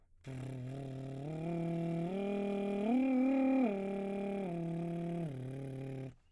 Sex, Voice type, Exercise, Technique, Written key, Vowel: male, baritone, arpeggios, lip trill, , u